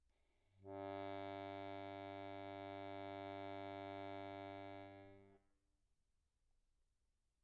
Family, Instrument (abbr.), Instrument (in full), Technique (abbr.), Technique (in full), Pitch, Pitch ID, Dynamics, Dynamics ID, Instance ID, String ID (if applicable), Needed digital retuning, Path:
Keyboards, Acc, Accordion, ord, ordinario, G2, 43, pp, 0, 1, , FALSE, Keyboards/Accordion/ordinario/Acc-ord-G2-pp-alt1-N.wav